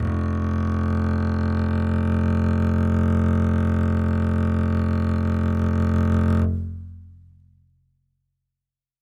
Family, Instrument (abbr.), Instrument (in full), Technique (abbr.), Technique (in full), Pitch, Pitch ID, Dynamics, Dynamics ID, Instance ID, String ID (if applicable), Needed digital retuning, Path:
Strings, Cb, Contrabass, ord, ordinario, F1, 29, ff, 4, 3, 4, FALSE, Strings/Contrabass/ordinario/Cb-ord-F1-ff-4c-N.wav